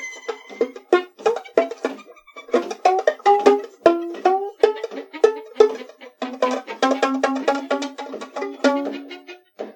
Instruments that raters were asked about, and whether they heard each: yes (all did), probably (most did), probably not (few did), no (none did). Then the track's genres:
ukulele: probably
mandolin: probably not
banjo: no
Avant-Garde; Lo-Fi; Noise; Experimental; Musique Concrete; Improv; Sound Art; Instrumental